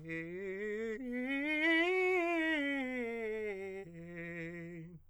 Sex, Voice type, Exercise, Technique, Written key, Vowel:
male, countertenor, scales, fast/articulated forte, F major, e